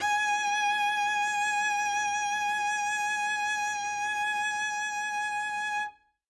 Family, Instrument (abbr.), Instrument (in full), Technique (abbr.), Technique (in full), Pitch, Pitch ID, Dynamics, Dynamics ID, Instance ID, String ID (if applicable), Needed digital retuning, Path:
Strings, Vc, Cello, ord, ordinario, G#5, 80, ff, 4, 0, 1, TRUE, Strings/Violoncello/ordinario/Vc-ord-G#5-ff-1c-T10u.wav